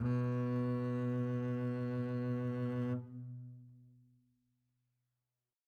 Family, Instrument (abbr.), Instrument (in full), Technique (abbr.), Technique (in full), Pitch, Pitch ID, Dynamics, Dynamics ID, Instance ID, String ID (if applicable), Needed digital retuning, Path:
Strings, Cb, Contrabass, ord, ordinario, B2, 47, mf, 2, 2, 3, TRUE, Strings/Contrabass/ordinario/Cb-ord-B2-mf-3c-T10u.wav